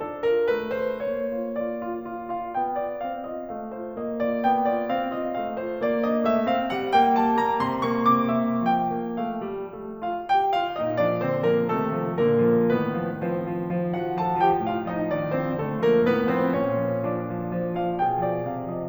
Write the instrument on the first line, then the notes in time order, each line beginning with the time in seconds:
piano
0.00 D4 A4
0.27 F4 A#4
0.46 A3 B4
0.73 F4 C5
1.06 A#3 C#5
1.34 F4
1.54 F4 D5
1.74 F4
2.07 F4
2.36 F4 F5
2.60 A#3 G5
2.77 F4 D5
2.98 C4
3.23 F4 D#5
3.51 A3 F5
3.76 F4 C5
3.95 A#3 D#5
4.18 F4 D5
4.44 B3 G5
4.66 F4 D5
4.85 C4
5.10 F4 D#5
5.34 A3 F5
5.57 F4 C5
5.83 A#3 D5
6.05 D4 D#5
6.25 A3 E5
6.47 C4 F5
6.69 G3 F#5
6.92 A#3 G5
7.19 G3 A5
7.40 A#3 A#5
7.62 C3 C6
7.85 A#3 C#6
8.10 C3 D6
8.35 A#3 E5
8.61 F3 G5
8.90 A#3
9.14 A3
9.45 G3
9.72 A3
10.01 F4 F5
10.29 G4 G5
10.57 F4 F5
10.80 A#2 D#4 D#5
10.98 F3 D4 D5
11.25 D3 C4 C5
11.49 F3 A#3 A#4
11.69 C3 A3 A4
11.92 F3
12.19 A#2 A#3 A#4
12.47 F3
12.68 A2 D#3 B3 B4
12.93 F3
13.15 F3 C4 C5
13.41 F3
13.69 F3
13.94 F3 F#4 F#5
14.18 F3 A4 A5
14.41 F3 G4 G5
14.70 A2 F4 F5
14.87 F3 D#4 D#5
15.12 D#3 D4 D5
15.35 F3 C4 C5
15.63 D3 A3 A4
15.86 F3 A#3 A#4
16.09 A2 B3 B4
16.32 F3 C4 C5
16.57 A#2 C#4 C#5
16.86 F3
17.06 F3 D4 D5
17.26 F3
17.52 F3
17.81 F3
18.05 A#2 G#4 G5
18.29 F3 D5
18.51 C3 F5
18.69 F3 D#5